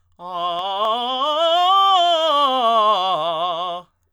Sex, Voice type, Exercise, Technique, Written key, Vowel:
male, tenor, scales, fast/articulated forte, F major, a